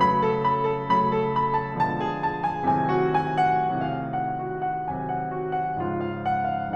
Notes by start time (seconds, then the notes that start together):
0.00 C#3 F#3 A3 B5
0.17 A5
0.35 A4
0.53 A5
0.72 C#3 F#3 A3 B5
0.93 A4
1.17 B5
1.53 A5
1.83 B2 D3 F3 G#3 A5
2.07 G#4
2.24 A5
2.41 G#5
2.61 A2 C3 D#3 F#3 G#5
2.81 F#4
3.01 G#5
3.37 F#5
3.84 A2 C3 D#3 F#3 F5
4.10 F#5
4.35 F#4
4.55 F#5
4.91 A2 C3 D#3 F#3 G#5
5.14 F#5
5.40 F#4
5.56 F#5
5.77 G#2 C#3 F3 F4
5.98 F5
6.32 F#5
6.58 F5